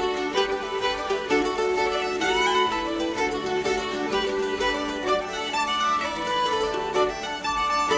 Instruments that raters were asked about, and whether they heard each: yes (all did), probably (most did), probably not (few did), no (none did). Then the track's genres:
violin: yes
mandolin: probably not
ukulele: probably not
Celtic